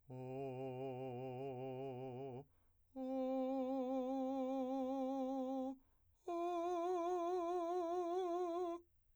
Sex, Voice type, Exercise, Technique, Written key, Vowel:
male, , long tones, full voice pianissimo, , o